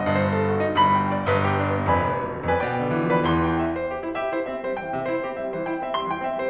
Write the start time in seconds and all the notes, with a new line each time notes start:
0.00 G1 G2 D#5
0.11 C5
0.33 A4
0.43 F#4
0.64 G1 G2 D#4 C5
0.74 B5
0.97 G5
1.06 D5
1.28 G1 G2 B4
1.42 G4
1.59 D4
1.70 B3
1.91 F1 F2 B4 D5 G#5 B5
2.06 F1
2.32 B1
2.42 D2
2.60 F2 B4 D5 G#5 B5
2.71 B2 G5
2.88 D3
2.96 E3
3.15 F3 B4 D5 G5 B5
3.23 E2 E3 C6
3.44 G5
3.58 E5
3.77 C5
3.89 G4
4.08 E4
4.18 G4 E5
4.33 E4 C5
4.44 C4 E5
4.68 G3 C5
4.79 E3 G5
4.97 C3 E5
5.08 E4 C5
5.27 C4 G4
5.37 G3 E5
5.56 E3 C5
5.67 E4 G5
5.82 C4 E5
5.96 G3 C6
6.15 E3 G5
6.21 C4 E5
6.40 G3 C5